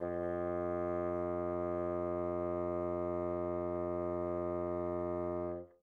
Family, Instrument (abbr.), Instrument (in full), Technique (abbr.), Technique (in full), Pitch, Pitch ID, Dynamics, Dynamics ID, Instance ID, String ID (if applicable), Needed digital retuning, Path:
Winds, Bn, Bassoon, ord, ordinario, F2, 41, mf, 2, 0, , FALSE, Winds/Bassoon/ordinario/Bn-ord-F2-mf-N-N.wav